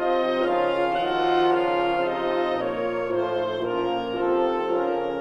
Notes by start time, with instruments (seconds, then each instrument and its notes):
0.00 bassoon C3 C4, horn F3 F4, clarinet D#4 D#5, oboe C5 D#5
0.44 bassoon C#3 C#4, horn F3 F4, clarinet F4 F5, oboe A#4 F5
0.91 bassoon D#3 D#4, horn F3 F4, clarinet F#4 F#5, oboe A4 F#5
1.49 bassoon C#3 C#4, clarinet F4 F5, oboe A#4 F5
2.02 bassoon C3 C4, clarinet D#4 D#5, oboe A4 D#5
2.52 bassoon A#2 A#3, horn F3 F4, clarinet F4 C#5, oboe A#4 C#5
3.10 bassoon A2 A3, horn F3 F4, clarinet D#4 C5, oboe C5
3.68 bassoon A#2 A#3, horn F3 F4, clarinet C#4 A#4, oboe A#4
4.25 bassoon C3 C4, horn F3 F4, clarinet D#4 A4, oboe A4
4.64 bassoon C#3 C#4, horn F3 F4, clarinet C#4 A#4, oboe A#4